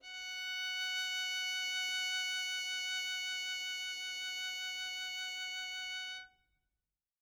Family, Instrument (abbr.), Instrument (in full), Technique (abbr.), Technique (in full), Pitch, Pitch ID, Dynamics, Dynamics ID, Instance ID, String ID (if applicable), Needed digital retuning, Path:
Strings, Vn, Violin, ord, ordinario, F#5, 78, mf, 2, 0, 1, FALSE, Strings/Violin/ordinario/Vn-ord-F#5-mf-1c-N.wav